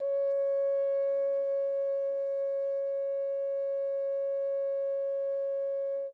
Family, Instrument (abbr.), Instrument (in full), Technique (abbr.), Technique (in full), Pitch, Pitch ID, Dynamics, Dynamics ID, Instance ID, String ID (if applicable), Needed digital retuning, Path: Brass, Hn, French Horn, ord, ordinario, C#5, 73, mf, 2, 0, , FALSE, Brass/Horn/ordinario/Hn-ord-C#5-mf-N-N.wav